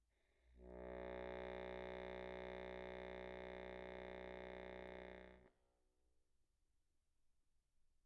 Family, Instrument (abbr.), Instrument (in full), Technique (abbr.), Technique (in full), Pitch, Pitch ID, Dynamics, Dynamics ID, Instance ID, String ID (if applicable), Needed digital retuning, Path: Keyboards, Acc, Accordion, ord, ordinario, B1, 35, pp, 0, 0, , FALSE, Keyboards/Accordion/ordinario/Acc-ord-B1-pp-N-N.wav